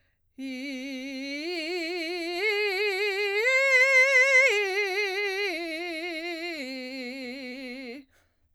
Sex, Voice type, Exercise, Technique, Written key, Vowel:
female, soprano, arpeggios, belt, , i